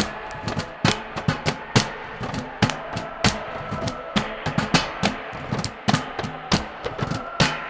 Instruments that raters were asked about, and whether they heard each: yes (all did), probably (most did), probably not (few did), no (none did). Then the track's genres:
drums: yes
organ: no
Pop; Psych-Folk; Experimental Pop